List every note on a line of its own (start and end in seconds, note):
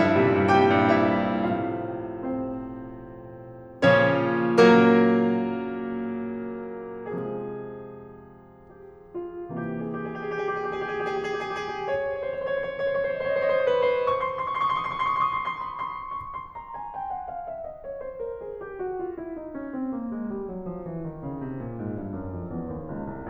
0.00 0.20 G2
0.00 0.48 E4
0.00 0.48 E5
0.20 0.34 A#2
0.20 0.34 C3
0.20 0.34 G3
0.34 0.48 G2
0.48 0.70 A#2
0.48 0.70 C3
0.48 0.70 G3
0.48 1.06 G4
0.48 1.06 G5
0.70 0.93 G2
0.93 1.18 A#2
0.93 1.18 C3
0.93 1.18 G3
1.06 1.18 E4
1.06 1.18 E5
1.18 4.02 A2
1.18 4.02 C3
1.18 4.02 F3
1.18 4.02 A3
1.18 1.95 F4
1.18 1.95 F5
1.96 4.02 C4
1.96 4.02 C5
4.02 7.05 A#2
4.02 7.05 C#3
4.02 4.61 F3
4.02 4.61 C#4
4.02 4.61 C#5
4.61 7.05 F#3
4.61 7.05 A#3
4.61 7.05 A#4
7.05 9.44 C3
7.05 9.44 F3
7.05 9.44 G#3
7.05 8.75 G#4
8.77 9.14 G4
9.14 9.44 F4
9.44 11.80 C3
9.44 11.80 E3
9.44 11.80 A#3
9.44 9.58 G4
9.51 9.64 G#4
9.58 9.68 G4
9.64 9.73 G#4
9.68 9.79 G4
9.73 9.83 G#4
9.79 9.88 G4
9.83 9.94 G#4
9.88 10.00 G4
9.94 10.04 G#4
10.00 10.10 G4
10.04 10.14 G#4
10.11 10.16 G4
10.11 10.21 G#4
10.17 10.25 G4
10.17 10.31 G#4
10.26 10.36 G4
10.32 10.40 G#4
10.37 10.46 G4
10.41 10.57 G#4
10.50 10.61 G4
10.57 10.66 G#4
10.61 10.69 G4
10.66 10.79 G4
10.66 10.74 G#4
10.74 10.82 G#4
10.79 10.87 G4
10.79 10.90 G#4
10.87 10.94 G4
10.87 10.97 G#4
10.94 11.02 G4
10.94 11.06 G#4
11.02 11.11 G4
11.06 11.16 G#4
11.11 11.20 G4
11.16 11.25 G#4
11.20 11.30 G4
11.25 11.33 G#4
11.31 11.39 G4
11.31 11.44 G#4
11.40 11.48 G4
11.45 11.53 G#4
11.49 11.58 G4
11.54 11.63 G#4
11.59 11.69 G4
11.64 11.75 G#4
11.70 11.80 G4
11.75 11.84 G#4
11.80 11.89 C#5
11.84 11.91 C5
11.89 12.00 C5
11.89 11.96 C#5
11.96 12.05 C#5
12.00 12.10 C5
12.05 12.14 C#5
12.10 12.20 C5
12.14 12.25 C#5
12.20 12.29 C5
12.25 12.34 C#5
12.29 12.36 C5
12.34 12.43 C5
12.34 12.39 C#5
12.39 12.53 C#5
12.43 12.57 C5
12.53 12.60 C#5
12.59 12.64 C5
12.59 12.70 C#5
12.65 12.78 C5
12.71 12.83 C#5
12.79 12.89 C5
12.84 12.98 C#5
12.90 13.03 C5
12.99 13.12 C5
12.99 13.07 C#5
13.07 13.14 C#5
13.12 13.19 C5
13.12 13.24 C#5
13.19 13.25 C5
13.24 13.33 C5
13.24 13.28 C#5
13.28 13.37 C#5
13.33 13.42 C5
13.37 13.47 C#5
13.42 13.51 C5
13.47 13.55 C#5
13.51 13.58 C5
13.51 13.63 C#5
13.58 13.68 C5
13.63 13.72 C#5
13.68 13.77 C5
13.72 13.82 C#5
13.77 13.85 C5
13.83 13.93 C5
13.83 13.89 C#5
13.90 13.93 B4
13.94 13.98 C5
13.99 14.14 C#6
14.05 14.20 C6
14.15 14.25 C#6
14.21 14.30 C6
14.26 14.36 C#6
14.30 14.41 C6
14.36 14.47 C#6
14.41 14.51 C6
14.47 14.55 C#6
14.51 14.59 C6
14.51 14.64 C#6
14.59 14.69 C6
14.64 14.72 C#6
14.69 14.77 C6
14.69 14.84 C#6
14.77 14.88 C6
14.84 14.93 C#6
14.88 14.98 C6
14.93 15.02 C#6
14.98 15.07 C6
15.02 15.10 C#6
15.07 15.16 C6
15.07 15.22 C#6
15.17 15.27 C6
15.23 15.30 C#6
15.28 15.35 C6
15.28 15.39 C#6
15.36 15.43 C6
15.41 15.50 C6
15.41 15.46 C#6
15.46 15.58 C6
15.46 15.55 C#6
15.55 15.67 C6
15.55 15.63 C#6
15.63 15.71 C#6
15.67 15.75 C6
15.67 15.80 C#6
15.75 15.85 C6
15.80 15.88 C#6
15.85 15.92 C6
15.85 15.95 C#6
15.92 15.99 C6
15.92 16.01 C#6
15.99 16.03 C6
15.99 16.07 C#6
16.03 16.11 B5
16.03 16.11 C6
16.11 16.16 C6
16.16 16.76 C#6
16.37 16.95 C6
16.56 17.09 A#5
16.76 17.29 G#5
16.95 17.46 G5
17.09 17.64 F#5
17.29 17.83 F5
17.47 18.01 E5
17.65 18.22 D#5
17.84 18.39 C#5
18.01 18.55 C5
18.22 18.76 A#4
18.39 18.92 G#4
18.55 19.13 G4
18.77 19.35 F#4
18.94 19.55 F4
19.13 19.76 E4
19.35 19.91 D#4
19.55 20.11 C#4
19.76 20.29 C4
19.91 20.48 A#3
20.12 20.65 G#3
20.31 20.81 G3
20.48 20.99 F#3
20.65 21.18 F3
20.81 21.37 E3
20.99 21.54 D#3
21.19 21.72 C#3
21.39 21.95 C3
21.55 22.13 A#2
21.72 22.31 G#2
21.95 22.50 G2
22.13 22.70 F#2
22.31 22.89 F2
22.51 23.08 E2
22.71 23.30 D#2
22.89 23.08 C#2
23.08 23.30 C2